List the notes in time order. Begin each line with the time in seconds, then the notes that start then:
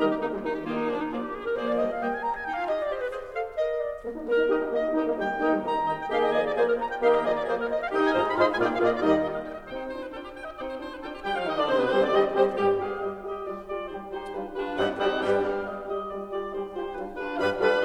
0.00 D#3 G3 D#4 G4 A#4 D#5 A#5
0.08 G4
0.20 A#3 D#4
0.30 G3
0.44 D#3 D#4
0.53 G4
0.65 D#3 A#3 F4 G4 D#5
0.75 D#4
0.88 F3 A#3 D4 G#4 D5
1.00 D#4
1.16 F3 A#3 F4 G#4 D5
1.29 G4
1.42 G#4
1.49 A#4
1.57 F3 A#3 G#4 C5 D5
1.66 D5
1.76 G3 A#3 G4 D#5
1.88 F5
2.02 G3 A#3 G4 D#5 G5
2.10 G#5
2.22 A#5
2.32 G#5
2.44 D#4 G5
2.52 F4 F5
2.67 G4 D#5
2.82 D5
2.90 G4 C5
3.01 B4
3.08 G#4 C5
3.32 A4 F5
3.55 A#4 D#5
3.78 D5
3.97 A#3
4.13 D#4
4.26 A#3 A#4
4.35 D#4
4.48 D#3 D#4 G4 A#4 D#5
4.59 D#4
4.71 A#3 D#5
4.89 D#3 D#4 G4 A#4 D#5
5.04 A#3
5.17 G3 G5
5.41 D#3 A#3 D#4 G4 A#4 D#5 G5
5.56 G3
5.70 D#3 A#5
5.83 D#3 D#4 D#5 G5 A#5
5.96 G5
6.07 D#3 A#3 D#4 G4 A#4 D#5 F5 G5
6.14 D#5
6.28 F3 A#3 F4 G#4 A#4 D5 D#5 G#5
6.44 D5
6.62 F3 A#3 F4 G#4 A#4 C5 D5 G#5
6.76 A#5
6.92 G5
6.98 D#3 A#3 D#4 G4 A#4 D#5 F5 G5
7.02 D#5
7.13 F3 A#3 F4 G#4 A#4 D5 D#5 G#5
7.26 D5
7.41 F3 A#3 F4 G#4 A#4 C5 D5 G#5
7.56 A#4
7.72 D#5
7.80 F5
7.88 D#3 D#4 G4 D#5 G5
8.02 G#5
8.17 G2 G#3 D#4 F4 C5 D#5 F5 A#5
8.36 A#5
8.46 G#2 G#3 D#4 F4 C5 D#5 F5 C6
8.57 G#5
8.67 A#2 A#3 F4 G#4 D5 F5 G5
8.73 F5
8.81 A#2 A#3 F4 G#4 D5 D#5 F5
9.00 D#2 D#3 G3 D#4 G4 D#5
9.18 D5
9.33 D#5
9.51 F5
9.56 D#5
9.72 C4 D#4 D5 G5
9.85 C5
10.00 D4 F4 C5 G5
10.15 B4
10.19 D4 F4 G4 A4 G5
10.38 G5
10.47 D#5
10.59 C4 D#4 D5 G5
10.72 C5
10.83 F4 C5 G5
11.01 D4 B4
11.10 D4 F4 G4 A4 G5
11.22 G3 G4 G5
11.32 F3 G3 F4 F5
11.45 D#3 D#4 D#5
11.58 D3 D4 D5
11.70 C3 C4 C5
11.76 B2 B3 B4
11.91 C3 G3 C4 G4 C5
12.04 D3 D4 D5
12.14 D#3 G3 D#4 G4 D#5
12.35 C3 G3 C4 G4 C5
12.53 G2 G3 G4
12.75 G4 G#4 F5
12.99 G3 G4 D#5
13.27 G4 D#5
13.46 G3 F4 D5
13.68 F4 G4 D5
13.98 G3 D#4 G4 C5
14.20 D#4 G4 C5
14.35 G3 D4 F4 B4
14.52 D4 F4 G4 B4
14.77 G2 G3 C4 D#4 A4 C5 F5
14.94 G3 C4 D#4 G4 A4 C5 F5
15.20 G2 G3 B3 D4 G4 B4 G5
15.50 G4 G#4 F5
15.81 G3 G4 D#5
15.99 G4 D#5
16.25 G3 F4 D5
16.43 F4 G4 D5
16.65 G3 D#4 G4 C5
16.94 G3 D4 F4 B4
17.14 D4 F4 G4 B4
17.38 G2 G3 D4 F4 B4 F5 B5
17.65 G3 D4 F4 G4 B4 F5 B5